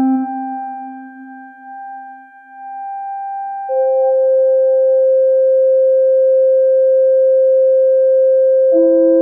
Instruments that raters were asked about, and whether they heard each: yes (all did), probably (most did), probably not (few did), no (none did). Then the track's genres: clarinet: probably
trumpet: probably
voice: no
flute: no
Experimental